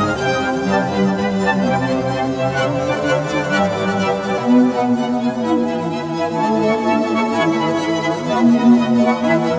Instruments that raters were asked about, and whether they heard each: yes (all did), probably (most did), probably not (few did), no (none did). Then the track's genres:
ukulele: no
violin: probably
guitar: no
accordion: no
Contemporary Classical